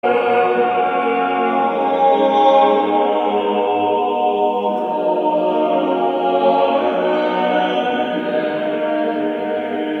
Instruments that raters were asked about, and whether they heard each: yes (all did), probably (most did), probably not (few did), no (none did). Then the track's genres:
bass: no
guitar: no
voice: yes
saxophone: no
Choral Music